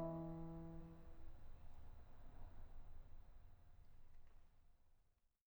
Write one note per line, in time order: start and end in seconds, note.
0.01 3.08 E3
0.01 3.08 E5